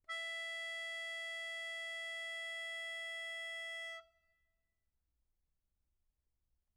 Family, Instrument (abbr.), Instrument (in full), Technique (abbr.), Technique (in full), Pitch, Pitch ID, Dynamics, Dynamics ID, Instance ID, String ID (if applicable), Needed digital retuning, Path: Keyboards, Acc, Accordion, ord, ordinario, E5, 76, mf, 2, 5, , FALSE, Keyboards/Accordion/ordinario/Acc-ord-E5-mf-alt5-N.wav